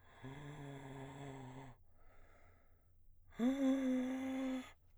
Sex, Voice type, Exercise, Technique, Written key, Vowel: male, baritone, long tones, inhaled singing, , a